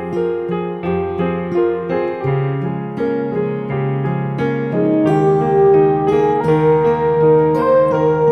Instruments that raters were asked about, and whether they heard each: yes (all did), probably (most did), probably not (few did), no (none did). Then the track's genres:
piano: yes
Pop; Folk; Singer-Songwriter